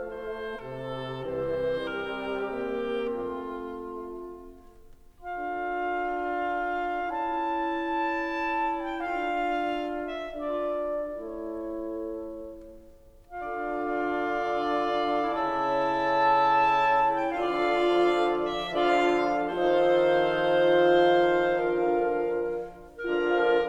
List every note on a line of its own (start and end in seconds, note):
0.00 0.63 A3
0.00 0.63 C5
0.63 1.23 C3
0.63 1.23 A4
1.23 1.94 C2
1.23 1.94 E3
1.23 3.16 C4
1.23 3.16 G4
1.23 1.94 C5
1.94 2.55 C3
1.94 2.55 G3
1.94 2.55 A#4
2.55 3.17 C3
2.55 3.17 A#3
2.55 3.17 G4
3.17 4.12 F2
3.17 4.12 A3
3.17 4.11 C4
3.17 4.11 F4
3.17 4.12 F4
5.34 7.13 D4
5.34 7.12 F4
5.34 7.13 A4
5.34 7.12 F5
7.13 9.01 C#4
7.13 9.00 E4
7.13 9.01 A4
7.13 9.00 A5
8.88 9.01 G5
9.01 10.50 D4
9.01 10.47 F4
9.01 10.50 A4
9.01 10.25 F5
10.26 10.47 E5
10.50 11.20 D4
10.50 11.19 F4
10.50 11.20 A4
10.50 11.19 D5
11.20 12.21 A3
11.20 12.21 E4
11.20 12.21 A4
11.20 12.21 C#5
13.32 15.34 D3
13.32 15.34 D4
13.32 15.33 F4
13.32 15.34 A4
13.32 15.34 D5
13.32 15.33 F5
15.34 17.30 C#3
15.34 17.30 C#4
15.34 17.29 E4
15.34 17.30 A4
15.34 17.30 E5
15.34 17.29 A5
17.16 17.30 G5
17.30 19.13 D3
17.30 19.13 F3
17.30 19.13 D4
17.30 19.13 F4
17.30 19.13 A4
17.30 19.13 D5
17.30 18.36 F5
18.37 19.13 E5
19.13 19.59 D3
19.13 19.57 F3
19.13 19.59 D4
19.13 19.57 F4
19.13 19.59 A4
19.13 19.59 D5
19.13 19.57 F5
19.59 21.51 D#3
19.59 21.50 F3
19.59 21.51 D#4
19.59 21.50 F4
19.59 21.51 A4
19.59 21.50 C5
19.59 21.51 C5
19.59 21.50 F5
21.51 22.55 D3
21.51 22.53 F3
21.51 22.55 D4
21.51 22.53 F4
21.51 22.53 A#4
21.51 22.55 A#4
21.51 22.53 F5
22.55 23.70 D3
22.55 23.68 F3
22.55 23.70 D4
22.55 23.68 F4
22.55 23.68 A#4
22.55 23.70 F5